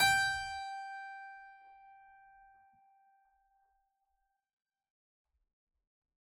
<region> pitch_keycenter=79 lokey=79 hikey=79 volume=0.643061 trigger=attack ampeg_attack=0.004000 ampeg_release=0.400000 amp_veltrack=0 sample=Chordophones/Zithers/Harpsichord, Unk/Sustains/Harpsi4_Sus_Main_G4_rr1.wav